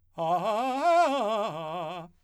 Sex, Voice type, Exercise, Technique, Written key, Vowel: male, , arpeggios, fast/articulated forte, F major, a